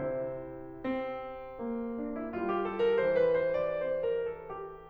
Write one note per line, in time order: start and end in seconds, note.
0.01 4.88 C3
0.01 0.75 E4
0.01 0.75 C5
0.76 1.98 C4
1.62 2.29 A#3
1.99 2.29 D4
2.15 2.48 E4
2.30 2.94 G3
2.30 2.64 F4
2.49 2.82 G4
2.65 2.94 A4
2.82 3.15 A#4
2.98 3.84 E3
2.98 3.33 C5
3.16 3.54 B4
3.34 3.84 C5
3.55 4.08 D5
3.86 4.88 C4
3.86 4.30 C5
4.09 4.50 A#4
4.32 4.88 A4
4.68 4.88 G4